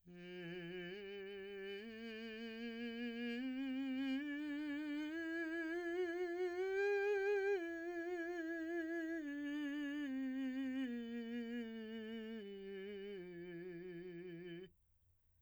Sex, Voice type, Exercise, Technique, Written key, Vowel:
male, , scales, slow/legato piano, F major, i